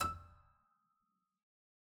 <region> pitch_keycenter=88 lokey=88 hikey=89 volume=4.462697 trigger=attack ampeg_attack=0.004000 ampeg_release=0.350000 amp_veltrack=0 sample=Chordophones/Zithers/Harpsichord, English/Sustains/Lute/ZuckermannKitHarpsi_Lute_Sus_E5_rr1.wav